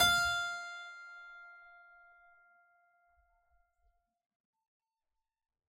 <region> pitch_keycenter=77 lokey=77 hikey=77 volume=-0.805323 trigger=attack ampeg_attack=0.004000 ampeg_release=0.400000 amp_veltrack=0 sample=Chordophones/Zithers/Harpsichord, Unk/Sustains/Harpsi4_Sus_Main_F4_rr1.wav